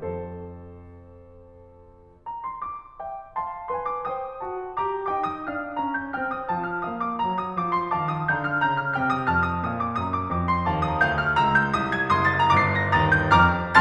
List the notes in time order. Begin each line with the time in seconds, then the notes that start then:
0.00 F2 A4 C5
2.28 A#5
2.46 C6
2.60 D6
3.03 E5 G5
3.33 F5 A5 C6
3.73 B4 G#5 C6
3.91 D6
4.08 C5 G5 D#6
4.45 F#4 A5
4.75 G4 A#5 D6
5.09 D#4 G5 D6
5.24 D#6
5.48 D4 A5 F6
5.76 C#4 A#5
5.96 G6
6.11 C4 G5 F6
6.33 D#6
6.52 F3 A5
6.73 F6
6.91 A#3 F5 D#6
7.05 D6
7.20 F#3 A#5
7.35 D#6
7.55 F3 D6
7.72 C6
7.94 D#3 F5 A5 D6
8.10 D#6
8.31 D3 F5 A#5 G6
8.50 F6
8.64 C#3 A#5 G6
8.80 F6
8.96 C3 G5 F6
9.10 D#6
9.30 F2 A5 F6
9.49 D#6
9.67 A#2 F5 D#6
9.81 D6
9.97 F#2 A#5 D#6
10.17 D6
10.33 F2 D6
10.51 C6
10.65 D#2 F5 A5 D6
10.86 D#6
10.99 D2 F5 A#5 G6
11.15 F6
11.31 C#2 A#5 E6
11.66 G6
11.82 C2 D#6
11.96 G#6
12.12 F#1 C6 D#6
12.28 A6
12.52 G1 A#5 D6 C7
12.95 A#6
13.10 D#2 A#5 D#6 A6
13.29 G6
13.46 F2 A#5 D6 F6